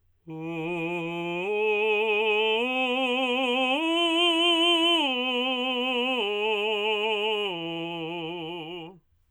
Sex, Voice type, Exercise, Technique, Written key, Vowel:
male, tenor, arpeggios, slow/legato forte, F major, u